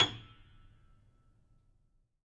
<region> pitch_keycenter=104 lokey=104 hikey=108 volume=7.296103 lovel=66 hivel=99 locc64=0 hicc64=64 ampeg_attack=0.004000 ampeg_release=10.000000 sample=Chordophones/Zithers/Grand Piano, Steinway B/NoSus/Piano_NoSus_Close_G#7_vl3_rr1.wav